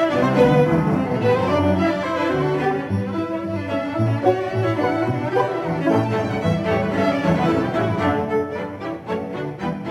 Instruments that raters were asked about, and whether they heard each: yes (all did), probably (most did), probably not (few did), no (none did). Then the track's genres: violin: yes
trumpet: no
banjo: no
trombone: no
cello: yes
Classical; Chamber Music